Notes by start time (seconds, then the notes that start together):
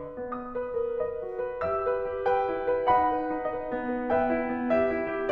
0.00 B4 D#5
0.26 B3 D#6
0.57 B4
0.81 A#4
1.00 B4 D#5
1.20 F#4
1.37 B4
1.59 G4 E5 E6
1.87 B4
2.07 G4
2.32 B4 G5
2.52 E4
2.71 B4
2.91 D#4 F#5 B5
3.19 B4
3.42 D#4
3.61 B4 D#5
3.81 B3
3.96 B4
4.13 B3 B4 E5 G5
4.32 E4
4.48 B3
4.68 G4 B4 E5
4.89 E4
5.12 G4